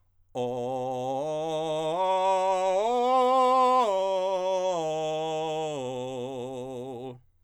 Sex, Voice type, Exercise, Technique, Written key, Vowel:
male, countertenor, arpeggios, belt, , o